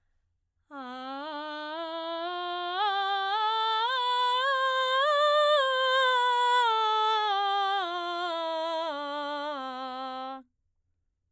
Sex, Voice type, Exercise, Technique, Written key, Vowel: female, soprano, scales, belt, , a